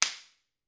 <region> pitch_keycenter=60 lokey=60 hikey=60 volume=-2.143026 offset=642 seq_position=1 seq_length=3 ampeg_attack=0.004000 ampeg_release=0.300000 sample=Idiophones/Struck Idiophones/Slapstick/slapstick_rr3.wav